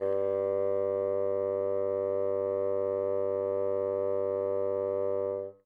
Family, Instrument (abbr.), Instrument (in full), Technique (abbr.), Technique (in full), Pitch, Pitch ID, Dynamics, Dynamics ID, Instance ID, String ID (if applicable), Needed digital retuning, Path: Winds, Bn, Bassoon, ord, ordinario, G2, 43, mf, 2, 0, , TRUE, Winds/Bassoon/ordinario/Bn-ord-G2-mf-N-T10d.wav